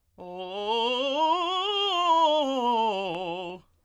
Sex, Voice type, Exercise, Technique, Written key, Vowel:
male, tenor, scales, fast/articulated piano, F major, o